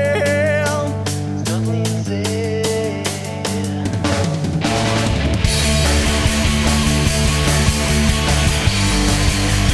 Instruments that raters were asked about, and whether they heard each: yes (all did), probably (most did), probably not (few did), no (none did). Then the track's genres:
cymbals: yes
Rock